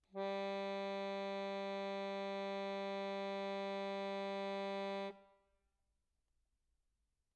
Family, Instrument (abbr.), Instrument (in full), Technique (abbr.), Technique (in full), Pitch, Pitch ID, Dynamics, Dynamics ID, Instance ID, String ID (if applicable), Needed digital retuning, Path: Keyboards, Acc, Accordion, ord, ordinario, G3, 55, mf, 2, 0, , FALSE, Keyboards/Accordion/ordinario/Acc-ord-G3-mf-N-N.wav